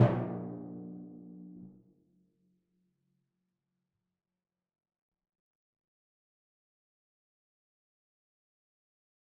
<region> pitch_keycenter=46 lokey=45 hikey=47 tune=-22 volume=13.732126 lovel=100 hivel=127 seq_position=1 seq_length=2 ampeg_attack=0.004000 ampeg_release=30.000000 sample=Membranophones/Struck Membranophones/Timpani 1/Hit/Timpani2_Hit_v4_rr1_Sum.wav